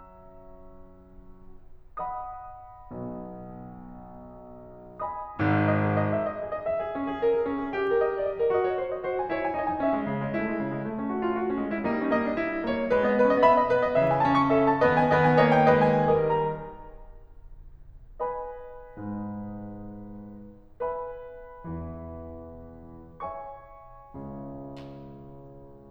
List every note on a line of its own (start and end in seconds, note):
0.00 2.26 F#3
0.00 2.26 C#4
0.00 2.26 F#4
0.00 2.26 E5
0.00 2.26 A#5
0.00 2.26 E6
2.01 2.51 D#5
2.01 2.51 F#5
2.01 2.51 B5
2.01 2.51 D#6
2.95 4.97 B1
2.95 4.97 B2
4.86 5.38 D#5
4.86 5.38 B5
4.86 5.38 D#6
5.40 5.98 G#1
5.40 5.98 G#2
5.40 5.98 D#6
5.70 5.98 D#5
5.98 6.08 G#4
6.11 6.22 D#5
6.22 6.39 E5
6.39 6.48 D#5
6.49 6.59 G#4
6.59 6.69 D#5
6.70 7.92 E5
6.83 6.97 G#4
6.97 7.13 C#4
7.14 7.24 G#4
7.24 7.37 A#4
7.37 7.50 G#4
7.51 7.62 C#4
7.62 7.73 G#4
7.74 8.54 G4
7.92 8.05 A#4
8.05 8.20 D#5
8.21 8.30 D5
8.30 8.43 D#5
8.44 8.54 A#4
8.54 9.07 F#4
8.54 8.64 D#5
8.64 8.75 C#5
8.78 8.93 C5
8.93 9.07 D#5
9.07 9.28 F#4
9.07 9.17 C5
9.18 9.28 G#5
9.28 9.51 E4
9.28 9.39 C#5
9.40 9.51 G#5
9.51 9.76 D#4
9.51 9.62 D#5
9.62 9.76 G#5
9.79 9.98 C#4
9.79 10.32 E5
9.98 10.10 G#3
10.11 10.22 D#3
10.22 10.32 G#3
10.32 10.43 A3
10.32 10.97 E4
10.44 10.63 G#3
10.63 10.76 C#3
10.76 10.86 G#3
10.86 11.61 A3
10.97 11.08 C#4
11.09 11.24 F#4
11.24 11.34 F4
11.34 11.51 F#4
11.52 11.61 C#4
11.61 11.83 G#3
11.61 11.71 F#4
11.74 11.83 E4
11.83 12.89 G3
11.83 11.99 A#3
11.83 12.10 D#4
11.99 12.10 C#4
12.12 12.25 A#3
12.12 12.68 D#5
12.25 12.38 D#4
12.39 12.54 E4
12.54 12.68 D#4
12.68 12.77 A#3
12.68 12.89 C#5
12.78 12.89 D#4
12.89 13.01 G#3
12.89 13.01 B4
13.01 13.15 B3
13.01 13.15 D#5
13.17 13.28 G#3
13.17 13.28 B4
13.28 13.40 B3
13.28 13.40 D#5
13.41 13.54 C#4
13.41 13.54 E5
13.41 14.05 B5
13.54 13.73 B3
13.54 13.73 D#5
13.73 13.94 B2
13.73 13.83 G#3
13.73 13.83 B4
13.84 13.94 B3
13.84 13.94 D#5
13.94 14.83 C#3
13.94 14.26 E3
13.94 14.56 E5
14.07 14.26 G#5
14.26 14.83 C#4
14.26 14.42 A5
14.42 14.56 C#6
14.57 14.83 A4
14.57 14.70 E5
14.70 14.83 A5
14.83 15.05 D#3
14.83 15.05 B3
14.83 15.05 B4
14.83 14.92 D#5
14.92 15.05 G#5
15.05 16.10 D#3
15.05 15.38 B3
15.05 15.38 B4
15.05 15.17 D#5
15.17 15.38 G#5
15.39 15.74 A#3
15.39 15.74 C#5
15.39 15.50 D#5
15.51 15.74 G5
15.74 16.10 G#3
15.74 16.10 B4
15.74 15.93 D#5
15.93 16.10 G#5
16.11 17.02 D#3
16.11 17.02 G3
16.11 17.02 A#4
16.11 16.28 D#5
16.29 17.02 A#5
18.37 20.79 B4
18.37 20.79 D#5
18.37 20.79 G#5
18.37 20.79 B5
18.97 20.79 G#2
18.97 20.79 G#3
20.82 23.22 B4
20.82 23.22 E5
20.82 23.22 G#5
20.82 23.22 B5
21.50 23.22 E2
21.50 23.22 E3
23.24 25.89 C#5
23.24 25.89 E5
23.24 25.89 G#5
23.24 25.89 C#6
24.14 25.89 C#2
24.14 25.89 C#3